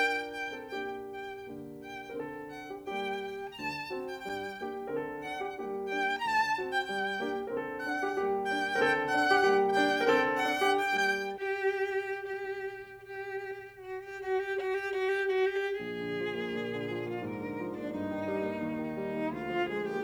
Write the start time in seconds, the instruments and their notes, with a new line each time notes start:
0.00 piano D4 F4 A#4, violin G5
0.37 violin G5
0.56 piano C4 D#4 A4
0.75 piano A#3 D4 G4, violin G5
1.11 violin G5
1.47 piano D3 A#3
1.83 violin G5
2.08 piano A#4
2.16 piano D3 C4
2.25 piano A4
2.53 violin F#5
2.72 piano G4
2.91 piano G3 A#3 G4, violin G5
3.51 violin A#5
3.60 piano D2 D3, violin A5
3.87 piano C4 D4 F#4
4.05 violin G5
4.24 piano G2 G3, violin G5
4.61 piano A#3 D4 G4
4.89 piano A#4
4.96 piano D3 C4 A4
5.25 piano D4, violin F#5
5.42 piano G4
5.61 piano G3 A#3 G4
5.93 piano D4, violin G5
6.14 violin A#5
6.23 piano D2 D3, violin A5
6.54 piano C4 D4 F#4
6.71 violin G5
6.87 piano G2 G3, violin G5
7.21 piano A#3 D4 G4
7.42 piano A#4
7.50 piano D3 C4 A4
7.80 piano D4, violin F#5
7.99 piano G4
8.16 piano G3 A#3 G4
8.51 piano D4, violin G5
8.74 piano A#4
8.84 piano D3 C4 A4
9.10 piano D4, violin F#5
9.29 piano G4
9.46 piano G3 A#3 G4
9.78 piano D4, violin G5
10.01 piano A#4
10.10 piano D3 C4 A4
10.46 piano D4, violin F#5
10.63 piano G4
10.84 piano G3 A#3 G4, violin G5
11.19 violin G4
11.94 violin G4
12.61 violin G4
13.39 violin F#4
13.58 violin G4
13.78 violin F#4
14.00 violin G4
14.20 violin F#4
14.42 violin G4
14.63 violin F#4
14.87 violin G4
15.13 violin F#4
15.38 violin G4
15.64 piano A#1, violin G#4
15.85 piano D3
16.03 piano F3
16.23 piano A#3
16.43 piano A#2
16.61 piano D3
16.80 piano F3
16.99 piano A#3, violin F4
17.18 piano G#2, violin A#4
17.37 piano D3
17.55 piano F3
17.73 piano A#3, violin D4
17.91 piano G2, violin D#4
18.09 piano D#3
18.27 piano G3
18.46 piano A#3
18.65 piano D#2
18.81 piano D#3
18.96 piano G3
19.13 piano A#3
19.31 piano D2, violin F4
19.49 piano F3
19.68 piano G#3, violin G#4
19.86 piano A#3, violin G4